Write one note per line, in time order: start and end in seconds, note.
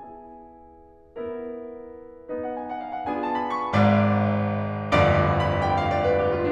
0.00 1.15 B3
0.00 1.15 E4
0.00 1.15 G#4
0.00 2.38 G#5
1.17 2.38 B3
1.17 2.38 E4
1.17 2.38 A#4
2.40 3.07 B3
2.40 3.07 D#4
2.40 3.07 B4
2.40 2.55 F#5
2.58 2.69 G#5
2.72 2.80 F#5
2.82 2.94 F5
2.96 3.07 F#5
3.09 3.70 B3
3.09 3.70 D4
3.09 3.70 F4
3.09 3.70 G#4
3.09 3.22 G#5
3.25 3.44 A5
3.46 3.56 B5
3.60 3.70 C#6
3.73 4.78 G#1
3.73 4.78 G#2
3.73 4.78 D5
3.73 4.78 F5
3.73 4.78 B5
3.73 4.78 D6
4.81 6.37 G1
4.81 6.37 D#2
4.81 6.37 F#2
4.81 6.37 G2
4.81 5.17 D5
4.81 5.14 F5
4.81 5.22 D6
4.99 5.17 B5
5.19 5.61 G5
5.41 5.82 F5
5.64 6.00 D5
5.83 6.23 B4
6.03 6.36 G4
6.25 6.52 F4
6.39 6.52 D4